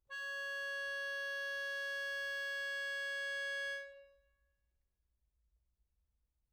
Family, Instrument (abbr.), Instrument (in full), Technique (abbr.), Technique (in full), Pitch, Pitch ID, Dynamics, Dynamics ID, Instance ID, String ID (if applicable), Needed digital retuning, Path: Keyboards, Acc, Accordion, ord, ordinario, C#5, 73, mf, 2, 2, , FALSE, Keyboards/Accordion/ordinario/Acc-ord-C#5-mf-alt2-N.wav